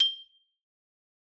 <region> pitch_keycenter=91 lokey=88 hikey=93 volume=2.679822 lovel=84 hivel=127 ampeg_attack=0.004000 ampeg_release=15.000000 sample=Idiophones/Struck Idiophones/Xylophone/Medium Mallets/Xylo_Medium_G6_ff_01_far.wav